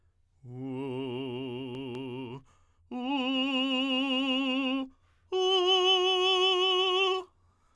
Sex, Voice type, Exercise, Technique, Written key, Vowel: male, tenor, long tones, full voice forte, , u